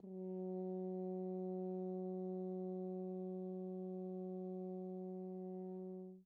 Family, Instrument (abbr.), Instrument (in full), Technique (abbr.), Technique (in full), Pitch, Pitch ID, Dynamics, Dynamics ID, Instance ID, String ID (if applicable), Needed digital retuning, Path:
Brass, Hn, French Horn, ord, ordinario, F#3, 54, pp, 0, 0, , FALSE, Brass/Horn/ordinario/Hn-ord-F#3-pp-N-N.wav